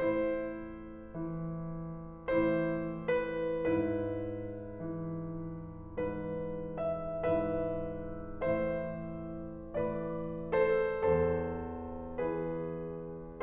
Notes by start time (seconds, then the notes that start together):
0.00 A2 E4 C5
1.34 E3
2.61 A2 E3 E4 C5
3.26 B4
3.69 G#2 E4 B4
4.79 E3
5.98 G#2 E3 B4
6.84 E5
7.23 G#2 E3 B4 E5
8.38 A2 E3 C5 E5
9.75 A2 E3 B4 D5
10.57 A4 C5
11.06 E2 A4 C5
12.21 E3 G#4 B4